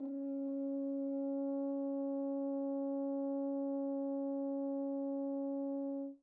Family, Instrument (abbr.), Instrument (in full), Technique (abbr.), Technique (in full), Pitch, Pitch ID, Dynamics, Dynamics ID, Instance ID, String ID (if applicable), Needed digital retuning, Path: Brass, Hn, French Horn, ord, ordinario, C#4, 61, pp, 0, 0, , FALSE, Brass/Horn/ordinario/Hn-ord-C#4-pp-N-N.wav